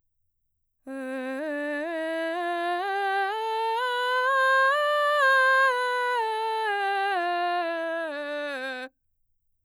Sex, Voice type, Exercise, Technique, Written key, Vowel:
female, mezzo-soprano, scales, slow/legato forte, C major, e